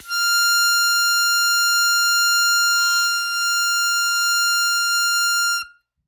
<region> pitch_keycenter=89 lokey=87 hikey=91 volume=2.803541 trigger=attack ampeg_attack=0.100000 ampeg_release=0.100000 sample=Aerophones/Free Aerophones/Harmonica-Hohner-Special20-F/Sustains/Accented/Hohner-Special20-F_Accented_F5.wav